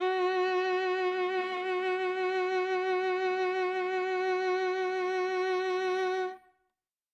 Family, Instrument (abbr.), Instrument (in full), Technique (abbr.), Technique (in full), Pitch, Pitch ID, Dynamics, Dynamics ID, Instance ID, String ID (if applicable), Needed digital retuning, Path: Strings, Va, Viola, ord, ordinario, F#4, 66, ff, 4, 3, 4, TRUE, Strings/Viola/ordinario/Va-ord-F#4-ff-4c-T29u.wav